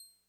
<region> pitch_keycenter=96 lokey=95 hikey=97 tune=-1 volume=25.635835 lovel=0 hivel=65 ampeg_attack=0.004000 ampeg_release=0.100000 sample=Electrophones/TX81Z/Clavisynth/Clavisynth_C6_vl1.wav